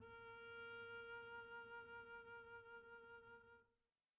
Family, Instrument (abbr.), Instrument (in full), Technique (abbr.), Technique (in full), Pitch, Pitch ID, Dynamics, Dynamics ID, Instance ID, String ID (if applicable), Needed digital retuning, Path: Strings, Cb, Contrabass, ord, ordinario, A#4, 70, pp, 0, 0, 1, TRUE, Strings/Contrabass/ordinario/Cb-ord-A#4-pp-1c-T13u.wav